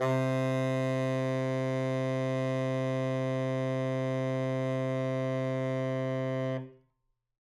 <region> pitch_keycenter=48 lokey=48 hikey=49 volume=15.859574 lovel=84 hivel=127 ampeg_attack=0.004000 ampeg_release=0.500000 sample=Aerophones/Reed Aerophones/Tenor Saxophone/Non-Vibrato/Tenor_NV_Main_C2_vl3_rr1.wav